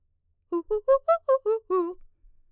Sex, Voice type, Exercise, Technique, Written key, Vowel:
female, mezzo-soprano, arpeggios, fast/articulated piano, F major, u